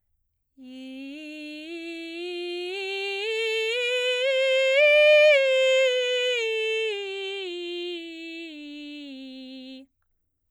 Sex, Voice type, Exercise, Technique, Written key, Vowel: female, soprano, scales, belt, , i